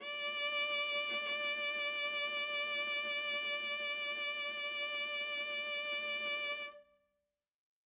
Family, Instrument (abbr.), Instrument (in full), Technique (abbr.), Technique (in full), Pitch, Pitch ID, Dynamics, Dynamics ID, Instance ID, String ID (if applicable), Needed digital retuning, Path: Strings, Va, Viola, ord, ordinario, D5, 74, ff, 4, 1, 2, FALSE, Strings/Viola/ordinario/Va-ord-D5-ff-2c-N.wav